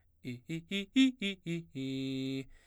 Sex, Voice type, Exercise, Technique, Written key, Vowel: male, baritone, arpeggios, fast/articulated forte, C major, i